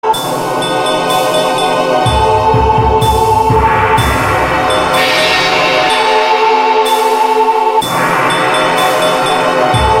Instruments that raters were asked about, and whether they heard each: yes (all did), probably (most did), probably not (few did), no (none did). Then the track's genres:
organ: no
Experimental